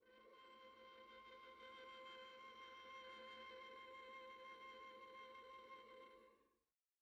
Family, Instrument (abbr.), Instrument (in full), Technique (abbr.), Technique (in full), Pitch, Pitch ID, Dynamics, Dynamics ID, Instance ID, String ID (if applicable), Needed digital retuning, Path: Strings, Va, Viola, ord, ordinario, C5, 72, pp, 0, 3, 4, TRUE, Strings/Viola/ordinario/Va-ord-C5-pp-4c-T20u.wav